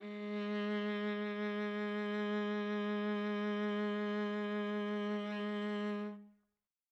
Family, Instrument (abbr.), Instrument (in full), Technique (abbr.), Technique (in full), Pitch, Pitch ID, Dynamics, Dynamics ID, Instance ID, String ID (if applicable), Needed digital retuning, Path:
Strings, Va, Viola, ord, ordinario, G#3, 56, mf, 2, 3, 4, TRUE, Strings/Viola/ordinario/Va-ord-G#3-mf-4c-T23u.wav